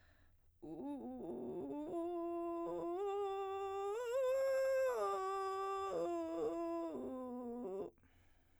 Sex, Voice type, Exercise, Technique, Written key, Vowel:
female, soprano, arpeggios, vocal fry, , u